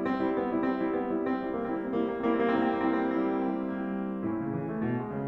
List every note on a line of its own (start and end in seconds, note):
0.00 0.36 C4
0.27 0.36 G3
0.27 0.36 E4
0.37 0.48 B3
0.48 0.62 G3
0.48 0.62 E4
0.62 1.00 C4
0.74 1.00 G3
0.74 1.00 E4
1.00 1.15 B3
1.17 1.28 G3
1.17 1.28 E4
1.28 1.56 C4
1.46 1.56 G3
1.46 1.56 E4
1.57 1.83 G3
1.57 1.68 A#3
1.57 1.83 E4
1.63 1.75 C4
1.68 1.82 A#3
1.76 2.04 C4
1.86 2.30 G3
1.86 2.12 A#3
1.86 2.30 E4
2.07 2.18 C4
2.12 2.28 A#3
2.24 2.37 C4
2.30 2.60 G3
2.30 2.44 A#3
2.30 2.60 E4
2.38 2.52 C4
2.45 2.58 A#3
2.54 2.64 C4
2.60 3.04 G3
2.60 2.87 A#3
2.60 3.04 E4
2.80 2.89 C4
2.87 3.03 A#3
2.98 3.09 C4
3.04 3.34 G3
3.04 3.17 A#3
3.04 3.34 E4
3.11 3.23 C4
3.17 3.32 A#3
3.24 3.40 C4
3.36 3.59 G3
3.36 3.48 A#3
3.36 3.59 E4
3.42 3.52 C4
3.48 3.56 A#3
3.54 3.63 C4
3.59 3.92 G3
3.59 3.81 A#3
3.59 3.92 E4
3.65 3.84 C4
3.82 3.91 A#3
3.87 3.97 C4
3.92 4.18 G3
3.92 4.06 A#3
3.92 4.18 E4
3.99 4.10 C4
4.08 4.17 A3
4.13 4.18 A#3
4.18 4.44 A2
4.18 4.54 C#4
4.18 4.54 E4
4.44 4.54 C#3
4.55 4.68 E3
4.68 4.81 A3
4.82 4.98 B2
4.98 5.11 G#3
5.11 5.27 C#3